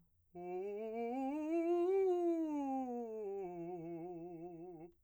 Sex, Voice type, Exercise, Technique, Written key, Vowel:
male, , scales, fast/articulated piano, F major, u